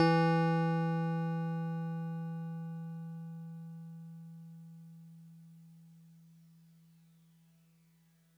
<region> pitch_keycenter=64 lokey=63 hikey=66 volume=11.574627 lovel=66 hivel=99 ampeg_attack=0.004000 ampeg_release=0.100000 sample=Electrophones/TX81Z/FM Piano/FMPiano_E3_vl2.wav